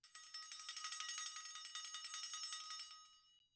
<region> pitch_keycenter=67 lokey=67 hikey=67 volume=20.000000 offset=1544 ampeg_attack=0.004000 ampeg_release=1.000000 sample=Idiophones/Struck Idiophones/Flexatone/flexatone2.wav